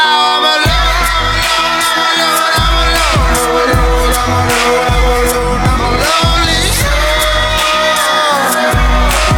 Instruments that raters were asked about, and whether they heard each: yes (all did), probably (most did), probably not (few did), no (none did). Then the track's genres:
voice: yes
piano: no
bass: no
Blues; Rock; Hip-Hop